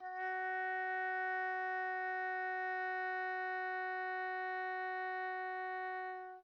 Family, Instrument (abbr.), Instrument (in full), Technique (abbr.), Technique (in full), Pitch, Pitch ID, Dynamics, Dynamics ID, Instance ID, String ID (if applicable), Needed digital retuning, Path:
Winds, Ob, Oboe, ord, ordinario, F#4, 66, pp, 0, 0, , FALSE, Winds/Oboe/ordinario/Ob-ord-F#4-pp-N-N.wav